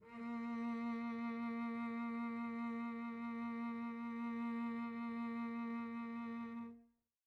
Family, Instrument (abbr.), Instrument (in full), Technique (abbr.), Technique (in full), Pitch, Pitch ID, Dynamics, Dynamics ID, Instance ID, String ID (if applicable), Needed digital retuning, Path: Strings, Vc, Cello, ord, ordinario, A#3, 58, pp, 0, 3, 4, FALSE, Strings/Violoncello/ordinario/Vc-ord-A#3-pp-4c-N.wav